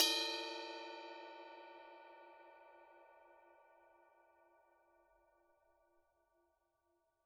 <region> pitch_keycenter=69 lokey=69 hikey=69 volume=18.547773 lovel=66 hivel=99 ampeg_attack=0.004000 ampeg_release=30 sample=Idiophones/Struck Idiophones/Suspended Cymbal 1/susCymb1_hit_bell_mf1.wav